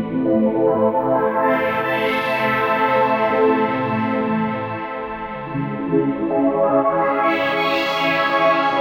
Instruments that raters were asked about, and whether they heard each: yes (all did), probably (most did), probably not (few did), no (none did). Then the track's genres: accordion: no
Electronic; Ambient; Instrumental